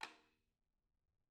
<region> pitch_keycenter=60 lokey=60 hikey=60 volume=14.434475 offset=257 seq_position=2 seq_length=2 ampeg_attack=0.004000 ampeg_release=30.000000 sample=Membranophones/Struck Membranophones/Tom 1/TomH_rimFLS_rr4_Mid.wav